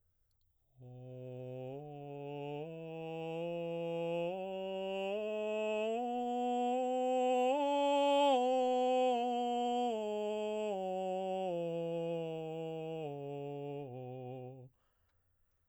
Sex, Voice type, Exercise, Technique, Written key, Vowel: male, baritone, scales, straight tone, , o